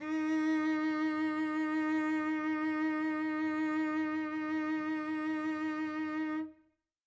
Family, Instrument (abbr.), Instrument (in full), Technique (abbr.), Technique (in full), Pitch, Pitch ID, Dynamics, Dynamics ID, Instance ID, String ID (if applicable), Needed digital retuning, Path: Strings, Vc, Cello, ord, ordinario, D#4, 63, mf, 2, 2, 3, FALSE, Strings/Violoncello/ordinario/Vc-ord-D#4-mf-3c-N.wav